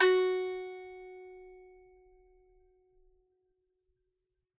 <region> pitch_keycenter=66 lokey=66 hikey=66 volume=-5.978563 lovel=100 hivel=127 ampeg_attack=0.004000 ampeg_release=15.000000 sample=Chordophones/Composite Chordophones/Strumstick/Finger/Strumstick_Finger_Str3_Main_F#3_vl3_rr1.wav